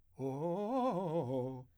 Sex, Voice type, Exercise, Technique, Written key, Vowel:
male, , arpeggios, fast/articulated piano, C major, o